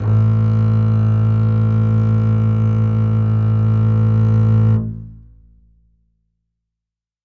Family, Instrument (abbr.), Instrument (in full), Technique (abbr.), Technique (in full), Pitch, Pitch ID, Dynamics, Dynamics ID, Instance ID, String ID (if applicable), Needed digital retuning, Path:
Strings, Cb, Contrabass, ord, ordinario, A1, 33, ff, 4, 3, 4, FALSE, Strings/Contrabass/ordinario/Cb-ord-A1-ff-4c-N.wav